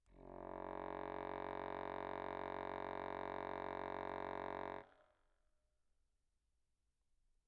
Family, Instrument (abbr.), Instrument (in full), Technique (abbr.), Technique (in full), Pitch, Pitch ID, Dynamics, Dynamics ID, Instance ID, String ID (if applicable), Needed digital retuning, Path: Keyboards, Acc, Accordion, ord, ordinario, F#1, 30, pp, 0, 0, , FALSE, Keyboards/Accordion/ordinario/Acc-ord-F#1-pp-N-N.wav